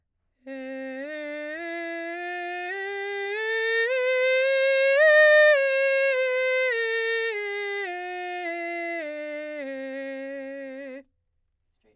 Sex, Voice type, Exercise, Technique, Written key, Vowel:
female, soprano, scales, straight tone, , e